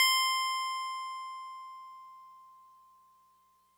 <region> pitch_keycenter=96 lokey=95 hikey=98 volume=10.015639 lovel=100 hivel=127 ampeg_attack=0.004000 ampeg_release=0.100000 sample=Electrophones/TX81Z/FM Piano/FMPiano_C6_vl3.wav